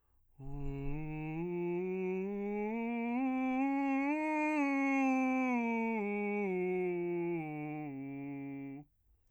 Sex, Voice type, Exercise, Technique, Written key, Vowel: male, bass, scales, breathy, , u